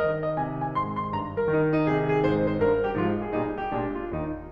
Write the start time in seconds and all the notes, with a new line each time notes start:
0.00 D#3 D#5
0.23 D#5
0.36 C3 G#5
0.59 G#5
0.71 G#2 C6
0.99 C6
1.10 G2 A#5
1.36 A#4
1.50 D#3 D#4
1.81 D#4
1.93 C3 G#4
2.16 G#4
2.28 G#2 C5
2.48 C5
2.58 G2 A#4
2.86 G4
2.97 G#2 F3 F4
3.22 G#4
3.37 A#2 G3 D#4
3.60 G4
3.70 A#2 G#3 D4
3.97 F4
4.12 D#2 D#4